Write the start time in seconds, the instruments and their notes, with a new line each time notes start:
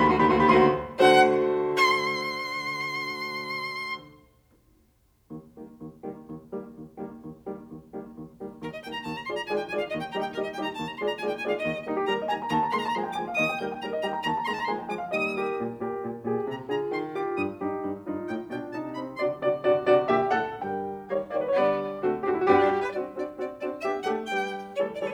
0.00 piano E2 B5, violin G4
0.10 piano D2 C6, violin F#4
0.22 piano E2 B5, violin G4
0.34 piano D2 C6, violin F#4
0.46 piano E2 B5, violin G4
0.58 piano D2 C6, violin F#4
1.08 piano D3 A3 F#4 C5, violin F#5
1.64 violin C6
5.31 piano D#2
5.58 piano D#3 G3 A#3
5.83 piano D#2
6.04 piano D#3 G3 A#3
6.30 piano D#2
6.54 piano D#3 G3 A#3
6.73 piano D#2
6.98 piano D#3 G3 A#3
7.16 piano D#2
7.38 piano D#3 G3 A#3
7.60 piano D#2
7.83 piano D#3 G3 A#3
8.08 piano D#2
8.41 piano D#3 G3 A#3
8.61 piano D#2, violin A#4
8.73 violin D#5
8.84 piano D#3 G3 A#3, violin G5
8.94 violin A#5
9.06 piano D#2, violin A5
9.16 violin A#5
9.26 piano D#3 G#3 A#3 F4 G#4 D5, violin C6
9.38 violin A#5
9.52 piano D#3 G#3 A#3 F4 G#4 D5, violin G#5
9.64 violin G5
9.74 piano D#3 G#3 A#3 F4 G#4 D5, violin G#5
9.85 violin F5
9.96 piano D#2, violin D#5
10.05 violin G5
10.16 piano D#3 G3 A#3 D#4 G4 D#5, violin A#4
10.27 violin G5
10.37 piano D#3 G3 A#3 D#4 G4 D#5, violin A#4
10.41 violin D#5
10.53 piano D#3 G3 A#3 D#4 G4 D#5, violin G5
10.63 violin A#5
10.76 piano D#2, violin A5
10.86 violin A#5
10.96 piano D#3 G#3 A#3 F4 G#4 D5, violin C6
11.08 violin A#5
11.18 piano D#3 G#3 A#3 F4 G#4 D5, violin G#5
11.28 violin G5
11.40 piano D#3 G#3 A#3 F4 G#4 D5, violin G#5
11.53 violin F5
11.63 piano D#2, violin D#5
11.85 piano D#3 G3 A#3 D#4
11.98 piano G4
12.09 piano D#3 G3 A#3 A#4, violin A#5
12.21 piano D#5
12.33 piano D#3 G3 A#3 G5, violin A#5
12.43 piano A#5
12.54 piano D#2 A5, violin A#5
12.65 piano A#5
12.76 piano D#3 G#3 A#3 C6, violin A#5 C6
12.83 violin A5 A#5, piano A#5
12.92 violin A#5
12.98 piano D#3 G#3 A#3 G#5, violin C6
13.07 piano G5
13.19 piano D#3 G#3 A#3 G#5, violin D6
13.29 piano F5
13.40 piano D#2 D#5, violin D#6
13.53 piano G5
13.63 piano D#3 G3 A#3 A#4, violin G6
13.75 piano G5
13.86 piano D#3 G3 A#3 A#4, violin A#5
13.96 piano D#5
14.07 piano D#3 G3 A#3 G5, violin A#5
14.18 piano A#5
14.28 piano D#2 A5, violin A#5
14.38 piano A#5
14.50 piano D#3 G#3 A#3 C6, violin A#5 C6
14.57 violin A5 A#5, piano A#5
14.69 violin A#5
14.74 piano D#3 G#3 A#3 G#5, violin C6
14.86 piano G5
14.95 piano D#3 G#3 A#3 G#5, violin D6
15.06 piano F5
15.16 piano D#3 G3 A#3 D#5, violin D#6
15.39 piano G4 A#4
15.60 piano A#2
15.84 piano A#2 G4 A#4
16.04 piano A#2
16.28 piano A#2 G4 G#4
16.49 piano C3, violin A#5
16.72 piano D3 F4 G#4, violin A#5
16.95 piano D#3, violin C6
17.19 piano F4 G4, violin D6
17.43 piano G2, violin D#6
17.65 piano G2 D#4 G4
17.87 piano G2
18.09 piano G2 D#4 F4
18.31 piano A2, violin G5
18.54 piano B2 D4 F4, violin G5
18.76 piano C3 D#4, violin A5
18.99 piano C4, violin B5
19.21 piano C3 D3 F#4 D5, violin C6
19.44 piano C3 D3 F#4 D5
19.64 piano C3 D3 F#4 D5
19.85 piano C3 D3 F#4 D5
20.09 piano A#2 D3 G4 E5
20.33 piano A2 D3 A4 F#5
20.60 piano G2 D3 G3 A#4 G5
21.08 piano D#3 G3 C#5, violin A#3
21.32 piano D#3 G3 C#5 D5, violin A#3
21.40 piano C#5
21.46 piano B4
21.51 piano C#5
21.56 piano D3 G3 D5, violin B3
22.00 piano D3 A3 F#4, violin C4
22.21 piano D3 A3 F#4, violin C4
22.26 piano G4
22.30 piano E4 F#4
22.40 piano F#4
22.47 piano G2 G3 G4, violin B3
22.58 violin D4
22.70 violin G4
22.80 violin B4
22.93 piano C4 D4 F#4, violin D5
23.16 piano C4 D4 F#4, violin D5
23.37 piano C4 D4 F#4, violin D5
23.60 piano C4 D4 F#4, violin D5
23.78 piano B3 D4 G4, violin E5
24.02 piano A3 D4 A4, violin F#5
24.22 piano G3 D4 B4, violin G5
24.66 piano E3 G3 A3 G4 A4, violin C5
24.90 piano E3 G3 A3 G4 A4, violin C5 D5
25.00 violin B4 C5
25.08 violin C5